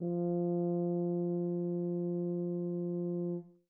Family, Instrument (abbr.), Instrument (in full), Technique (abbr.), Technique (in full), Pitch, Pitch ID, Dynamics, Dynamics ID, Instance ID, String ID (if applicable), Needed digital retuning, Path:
Brass, BTb, Bass Tuba, ord, ordinario, F3, 53, mf, 2, 0, , FALSE, Brass/Bass_Tuba/ordinario/BTb-ord-F3-mf-N-N.wav